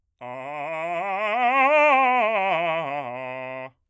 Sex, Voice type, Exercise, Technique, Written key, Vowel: male, bass, scales, fast/articulated forte, C major, a